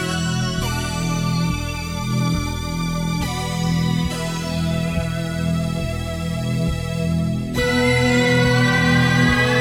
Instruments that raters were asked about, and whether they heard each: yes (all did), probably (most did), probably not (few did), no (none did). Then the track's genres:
violin: probably not
Jazz; Rock; Electronic